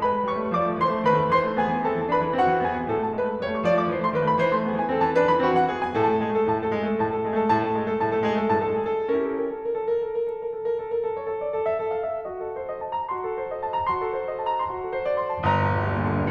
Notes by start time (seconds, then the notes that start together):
0.00 G#3 B4 B5
0.13 A3
0.28 G3 C#5 C#6
0.41 A3
0.51 F3 D5 D6
0.66 A3
0.80 E3 C5 C6
0.95 A3
1.11 D#3 B4 B5
1.23 A3
1.34 E3 C5 C6
1.47 A3
1.61 B3 G#4 G#5
1.76 E3
1.87 C4 A4 A5
2.01 E3
2.12 D4 B4 B5
2.25 E3
2.37 C4 F#4 F#5
2.52 E3
2.69 B3 G#4 G#5
2.82 E3
2.93 A2 A4
3.03 A3 A5
3.16 G#3 B4
3.25 A3 B5
3.37 G3 C#5
3.49 A3 C#6
3.62 F3 D5
3.75 A3 D6
3.87 E3 C5
4.02 A3 C6
4.12 D#3 B4
4.25 A3 B5
4.38 E3 C5
4.50 A3 C6
4.62 B3 G#4
4.76 E3 G#5
4.90 C4 A4
5.02 E3 A5
5.15 D4 B4
5.31 E3 B5
5.45 C4 F#4
5.61 E3 F#5
5.74 B3 G#4
5.90 E3 G#5
6.01 A2 A4
6.14 A3 A5
6.25 G#3 G#4
6.33 A3 A4
6.44 A2 A5
6.57 A3 A4
6.75 G#3 G#4
6.87 A3 A4
7.01 A2 A5
7.14 A3 A4
7.28 G#3 G#4
7.38 A3 A4
7.53 A2 A5
7.67 A3 A4
7.80 G#3 G#4
7.87 A3 A4
8.02 A2 A5
8.16 A3 A4
8.29 G#3 G#4
8.37 A3 A4
8.51 A2 A5
8.71 A3 A4
8.85 G#3 G#4
8.96 A3 A4
9.11 C#4 E4 G4 A#4
9.23 A4
9.38 A#4
9.54 A4
9.69 A#4
9.83 A4
9.97 A#4
10.11 A4
10.23 A#4
10.36 A4
10.47 A#4
10.60 A4
10.76 A#4
10.83 A4
10.94 A#4
11.08 A4
11.19 C#5
11.31 A4
11.40 D5
11.53 A4
11.68 E5
11.82 A4
11.96 F5
12.09 E5
12.25 F#4 D#5
12.42 A4
12.56 C5
12.67 D#5
12.81 A5
12.97 A#5
13.10 F#4 C6
13.26 A4
13.40 C5
13.51 D#5
13.62 A5
13.76 A#5
13.90 F#4 C6
14.04 A4
14.15 C5
14.27 D#5
14.38 A5
14.50 A#5
14.68 F#4 C6
14.84 A4
14.92 C5
15.03 D#5
15.16 C6
15.33 A5
15.50 G1 A#5
15.63 A#1
15.78 D2
15.93 G2 A#2
16.08 D3
16.17 G3